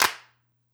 <region> pitch_keycenter=60 lokey=60 hikey=60 volume=1.659081 seq_position=6 seq_length=6 ampeg_attack=0.004000 ampeg_release=2.000000 sample=Idiophones/Struck Idiophones/Claps/Clap_rr1.wav